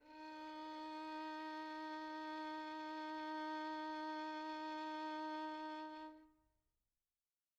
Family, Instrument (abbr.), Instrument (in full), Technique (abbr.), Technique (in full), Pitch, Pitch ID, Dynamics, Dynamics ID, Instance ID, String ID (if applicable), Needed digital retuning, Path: Strings, Vn, Violin, ord, ordinario, D#4, 63, pp, 0, 3, 4, FALSE, Strings/Violin/ordinario/Vn-ord-D#4-pp-4c-N.wav